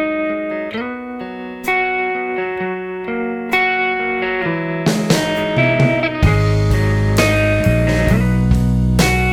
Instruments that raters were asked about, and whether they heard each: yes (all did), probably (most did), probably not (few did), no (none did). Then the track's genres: guitar: yes
Folk